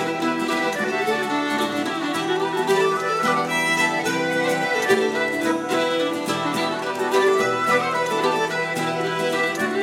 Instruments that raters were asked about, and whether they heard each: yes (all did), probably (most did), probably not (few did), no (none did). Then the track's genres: mandolin: probably
violin: yes
accordion: probably not
ukulele: probably not
cymbals: no
Celtic